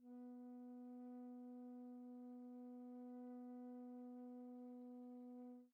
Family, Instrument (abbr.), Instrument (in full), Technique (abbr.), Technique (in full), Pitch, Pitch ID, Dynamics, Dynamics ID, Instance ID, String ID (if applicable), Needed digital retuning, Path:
Winds, Fl, Flute, ord, ordinario, B3, 59, pp, 0, 0, , TRUE, Winds/Flute/ordinario/Fl-ord-B3-pp-N-T19u.wav